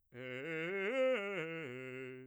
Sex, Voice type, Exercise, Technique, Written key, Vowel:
male, bass, arpeggios, fast/articulated piano, C major, e